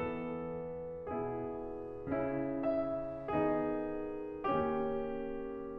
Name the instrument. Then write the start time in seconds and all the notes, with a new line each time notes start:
piano
0.01 E3 B3 A4
1.10 B2 B3 E4 G#4
2.16 C#3 C#4 E4
2.68 E5
3.29 D#3 B3 D#4 G#4
4.54 D#3 A#3 C#4 G4